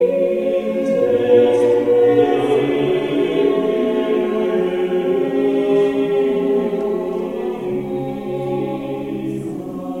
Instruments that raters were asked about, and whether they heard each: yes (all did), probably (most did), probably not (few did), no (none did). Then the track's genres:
saxophone: no
bass: no
mandolin: no
voice: yes
Choral Music